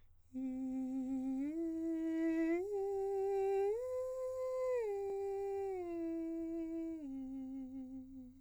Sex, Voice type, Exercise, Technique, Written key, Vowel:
male, countertenor, arpeggios, breathy, , i